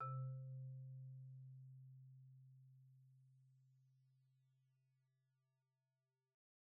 <region> pitch_keycenter=48 lokey=45 hikey=51 volume=25.935313 offset=43 xfin_lovel=0 xfin_hivel=83 xfout_lovel=84 xfout_hivel=127 ampeg_attack=0.004000 ampeg_release=15.000000 sample=Idiophones/Struck Idiophones/Marimba/Marimba_hit_Outrigger_C2_med_01.wav